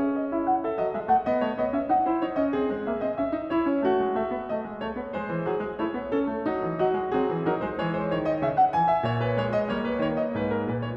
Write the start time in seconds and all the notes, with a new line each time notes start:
0.00 C#4 G#4 E5
0.21 D#5
0.31 E4 E5
0.45 F#5
0.62 A4 E5
0.74 F#3 D#5
0.93 G#3 E5
1.08 A3 F#5
1.28 B3 D#5
1.44 A3 C#5
1.58 B3 D#5
1.70 C#4 E5
1.88 D#4 F#5
2.05 E4 C5
2.21 D#4 C#5
2.39 C#4 D#5
2.53 C4 G#4
2.71 G#3
2.88 A#3 E5
3.03 C4 D#5
3.17 C#4 E5
3.33 D#4
3.48 E4 C#5
3.66 C#4
3.87 A3 F#4
4.01 G#3
4.17 A3 E5
4.32 B3
4.42 A3 D#5
4.64 G#3
4.82 A3 C#5
4.92 B3
5.12 G#3 C5
5.26 E3
5.43 F#3 G#4
5.64 G#3
5.79 A3 E4 C#5
5.93 B3
6.12 C#4 A4
6.29 A3
6.44 F#3 D#4
6.64 E3
6.77 F#3 F#4 D#5
6.97 G#3
7.16 F#3 C4 G#4
7.33 E3
7.43 F#3 D#4 A#4
7.60 G#3 C5
7.74 E3 G#3 C#5
7.93 C5
8.12 D#3 C#5
8.27 D#5
8.43 C#3 E5
8.57 F#5
8.75 E3 G#5
8.87 E5
9.06 A#2 C#5
9.22 B4
9.38 G#3 C#5
9.52 D#5
9.68 G3 A#3 C#5
9.88 B4
10.00 D#3 C#5
10.16 D#5
10.38 G#2 B4
10.53 A#4
10.67 A#2 B4
10.81 C#5